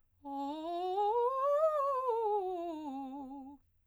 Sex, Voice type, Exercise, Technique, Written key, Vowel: female, soprano, scales, fast/articulated piano, C major, o